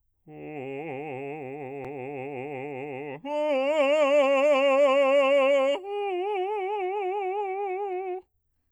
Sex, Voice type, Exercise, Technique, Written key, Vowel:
male, bass, long tones, trill (upper semitone), , o